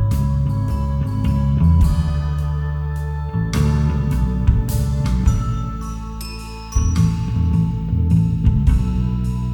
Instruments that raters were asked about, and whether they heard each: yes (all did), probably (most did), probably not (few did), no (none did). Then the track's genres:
mallet percussion: yes
bass: yes
Soundtrack; Ambient Electronic; Unclassifiable